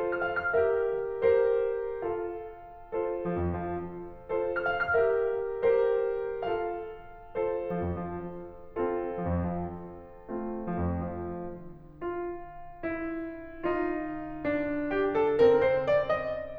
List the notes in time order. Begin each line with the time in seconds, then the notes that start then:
0.00 F4 A4 C5
0.31 F6
0.45 F5
0.58 G4 A#4 E5 F6
1.25 G4 A#4 C5
2.02 A4 C5 F5
2.81 F4 A4 C5
3.16 F3
3.34 F2
3.63 F3
4.25 F4 A4 C5
4.54 F6
4.70 F5
4.95 G4 A#4 E5 F6
5.65 G4 A#4 C5
6.42 A4 C5 F5
7.30 F4 A4 C5
7.64 F3
7.85 F2
8.02 F3
8.74 C4 F4 A4
9.10 F3
9.23 F2
9.51 F3
10.16 A3 C4 F4
10.70 F3
10.86 F2
11.10 F3
12.02 F4
12.82 E4
13.70 D#4 F4
14.50 D4
14.93 G4
15.22 A4
15.38 C4 D#4 A#4
15.57 C5
15.85 D5
16.23 D#5